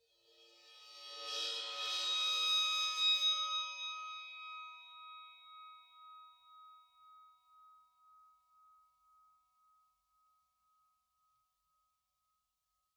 <region> pitch_keycenter=62 lokey=62 hikey=62 volume=15.000000 offset=17468 ampeg_attack=0.004000 ampeg_release=2.000000 sample=Idiophones/Struck Idiophones/Suspended Cymbal 1/susCymb1_bow_20.wav